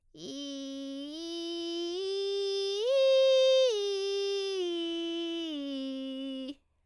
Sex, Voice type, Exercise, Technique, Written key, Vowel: female, soprano, arpeggios, vocal fry, , i